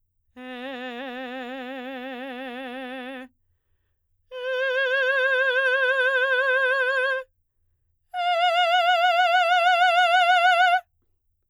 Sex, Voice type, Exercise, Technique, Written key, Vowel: female, soprano, long tones, full voice forte, , e